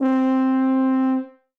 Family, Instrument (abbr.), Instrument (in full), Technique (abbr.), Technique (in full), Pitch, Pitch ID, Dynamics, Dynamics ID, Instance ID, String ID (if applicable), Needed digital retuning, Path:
Brass, BTb, Bass Tuba, ord, ordinario, C4, 60, ff, 4, 0, , FALSE, Brass/Bass_Tuba/ordinario/BTb-ord-C4-ff-N-N.wav